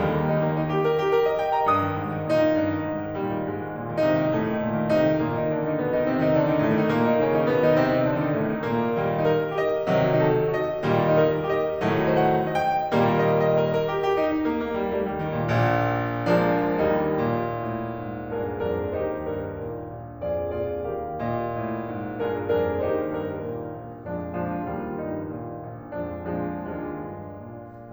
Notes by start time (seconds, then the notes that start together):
0.00 D#2 D#3 G3
0.15 A#3
0.26 D#4
0.41 A#3
0.56 D#4
0.71 G4
0.87 A#4
1.01 G4
1.15 A#4
1.27 D#5
1.42 G5
1.53 A#5
1.71 G2 D#6
1.88 D#3
2.02 G#2
2.16 D#3
2.30 A#2 D#4
2.45 D#3
2.59 G2
2.72 D#3
2.88 G#2
3.04 D#3
3.19 A#2 G3
3.33 D#3
3.48 G#2 G#3
3.63 D#3
3.78 A#2
3.92 D#3
4.09 C3 D#4
4.21 D#3
4.33 A2 A3
4.47 D#3
4.61 A#2
4.76 D#3
4.90 C3 D#4
5.04 D#3
5.17 A#2 A#3
5.31 D#3 D#4
5.46 D3 D4
5.62 D#3 D#4
5.77 B2 B3
5.92 D#3 D#4
6.06 C3 C4
6.20 D#3 D#4
6.33 D3 D4
6.46 D#3 D#4
6.61 A2 A3
6.75 D#3 D#4
6.90 A#2 A#3
7.04 D#3 D#4
7.17 C#3 C#4
7.33 D#3 D#4
7.47 B2 B3
7.62 D#3 D#4
7.80 C3 C4
7.96 D#3 D#4
8.09 D3 D4
8.25 D#3 D#4
8.41 A2 A3
8.54 D#3 D#4
8.65 A#2 A#3
8.96 A#2 D#3 G3
9.22 D#4
9.31 A#4
9.54 G4
9.61 D#5
9.91 C3 D#3 F#3
10.14 D#4
10.24 A4
10.50 F#4
10.57 D#5
10.84 A#2 D#3 G3
11.11 D#4
11.19 A#4
11.45 G4
11.53 D#5
11.83 A2 D#3 F#3 A3
12.06 C5
12.14 F#5
12.59 D#5
12.65 G5
12.93 A#2 D#3 G3 A#3
13.21 D#5
13.50 D#5
13.65 A#4
13.80 A#4
13.92 G4
14.06 G4
14.21 D#4
14.34 D#4
14.48 A#3
14.62 A#3
14.79 G3
14.98 G3
15.13 D#3
15.28 D#3
15.42 A#2
15.56 A#1 A#2
16.31 F3 G#3 A#3 D4
16.78 D#2 G3 A#3 D#4
17.14 A#2
17.59 A2
17.93 G#2
18.36 G2 D4 F4 G#4 A#4
18.66 F2 D4 F4 G#4 A#4
18.97 D#2 D#4 G4 C5
19.28 G2 A#4
19.60 A#2
19.97 A#1
20.26 F2 F4 G#4 D5
20.57 A#2 F4 G#4 D5
20.86 D#2 G4 A#4 F5
21.21 A#2 D#5
21.58 A2
21.86 G#2
22.18 G2 D4 F4 G#4 A#4
22.43 F2 D4 F4 G#4 A#4
22.76 D#2 D#4 G4 C5
23.03 G2 A#4
23.38 A#2
23.71 A#1
24.06 F2 F3 G#3 D4
24.36 A#2 F3 G#3 D4
24.68 D#2 G3 A#3 F4
24.97 G2 D#4
25.30 A#2
25.73 A#1
26.03 F2 F3 G#3 D4
26.42 A#2 F3 G#3 D4
26.76 D#2 G#3 D4 F4
27.13 G2
27.57 A#2